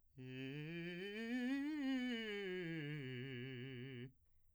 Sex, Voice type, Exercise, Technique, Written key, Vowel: male, , scales, fast/articulated piano, C major, i